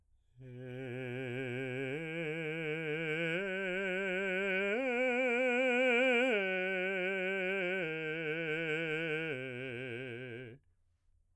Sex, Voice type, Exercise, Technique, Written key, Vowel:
male, baritone, arpeggios, slow/legato piano, C major, e